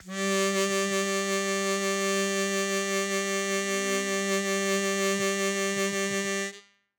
<region> pitch_keycenter=55 lokey=54 hikey=57 tune=1 volume=5.853160 trigger=attack ampeg_attack=0.004000 ampeg_release=0.100000 sample=Aerophones/Free Aerophones/Harmonica-Hohner-Super64/Sustains/Vib/Hohner-Super64_Vib_G2.wav